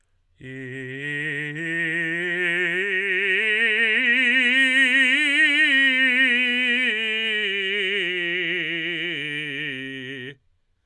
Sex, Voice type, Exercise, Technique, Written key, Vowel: male, tenor, scales, vibrato, , i